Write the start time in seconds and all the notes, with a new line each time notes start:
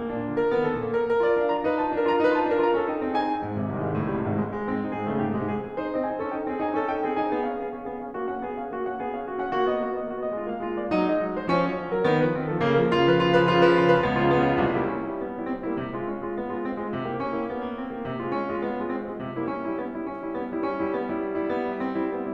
0.00 A#3
0.12 A#2 D4
0.31 D3 F4
0.41 A#2 A#4
0.55 D#3 B3
0.67 A#2 A4
0.82 D3 A#3
0.96 A#2 A#4
1.06 A#4
1.24 F4 D5
1.43 D4 F5
1.52 F4 A#5
1.64 D#4 B4
1.80 F4 A5
1.95 D4 A#4
2.07 F4 A#5
2.18 D#4 B4
2.37 F4 A5
2.48 D4 A#4
2.58 F4 A#5
2.76 C#4 A4
2.86 D#4 G5
3.10 C4 G#4
3.31 C#4 G#5
3.42 G#2
3.60 G#1 C3
3.74 C2 D#3
3.88 G#1 G#3
4.06 C#2 A2
4.16 G#1 G3
4.30 C2 G#2
4.46 G#1 G#3
4.57 G#3
4.69 G#2 C4
4.82 C3 D#4
4.93 G#2 G#4
5.07 C#3 A3
5.21 G#2 G4
5.33 C3 G#3
5.46 G#2 G#4
5.63 G#4
5.79 D#4 C5
5.92 C4 D#5
6.04 D#4 G#5
6.19 C#4 A4
6.39 D#4 G5
6.50 C4 G#4
6.59 D#4 G#5
6.75 C#4 A4
6.90 D#4 G5
7.02 C4 G#4
7.16 D#4 G#5
7.35 B3 G#4
7.49 C#4 F5
7.65 B3 G#4
7.77 C#4 F5
7.88 B3 G#4
8.09 C#4 F5
8.22 A#3 F#4
8.34 C#4 F#5
8.49 B3 G#4
8.60 C#4 F5
8.73 A#3 F#4
8.84 C#4 F#5
8.97 B3 G#4
9.11 C#4 F5
9.25 A#3 F#4
9.38 C#4 F#5
9.52 A#3 F#4
9.67 B3 D#5
9.82 A#3 F#4
9.98 B3 D#5
10.10 A#3 F#4
10.22 B3 D#5
10.34 G#3 F4
10.48 B3 F5
10.63 G#3 F4
10.74 A#3 D5
10.83 F#3 D#4
10.98 A#3 D#5
11.09 F#3 D#4
11.28 G#3 C5
11.42 F3 C#4
11.56 G#3 C#5
11.70 F3 C#4
11.92 F#3 A#4
12.02 D#3 B3
12.14 F#3 B4
12.25 D#3 C4
12.36 F3 A4
12.49 C#3 A#3
12.59 F3 A#4
12.68 C#3 F4
12.82 F3 A#4
12.91 C#3 F4
13.03 F3 A#4
13.13 C#3 F4
13.26 F3 B4
13.50 C#3 F4
13.91 F3 B4
14.01 C#2 B3
14.12 C#3 F4
14.30 C#2 B3
14.48 C#3 F4
14.62 C2 C3
14.74 G3 A#3 E4
14.86 C#4
15.07 G3 A#3 E4
15.22 B3
15.34 G3 A#3 E4
15.44 C4
15.70 G3 A#3 E4
15.84 C3
15.93 A3 F4
16.07 C#4
16.22 A3 F4
16.38 B3
16.53 A3 F4
16.66 C4
16.87 A3 F4
16.96 C3
17.10 A#3 E4 G4
17.21 C#4
17.32 A#3 E4 G4
17.46 B3
17.61 A#3 E4 G4
17.72 C4
17.90 A#3 E4 G4
18.08 C3
18.18 G#3 F4
18.30 C#4
18.44 G#3 F4
18.56 B3
18.78 G#3 F4
18.94 C4
19.06 G#3 F4
19.18 E3
19.32 G3 A#3 E4
19.49 D4
19.69 G3 E4
19.80 B3
19.93 G3 E4
20.13 D4
20.22 G3 E4
20.34 B3
20.49 G3 E4
20.67 D4
20.79 G3 E4
20.98 B3
21.10 G3 E4
21.25 D4
21.35 G3 E4
21.54 B3
21.69 G3 E4
21.84 C4
21.98 G3 E4
22.12 B3
22.24 G3 E4